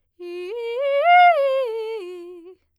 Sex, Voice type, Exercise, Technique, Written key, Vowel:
female, soprano, arpeggios, fast/articulated piano, F major, i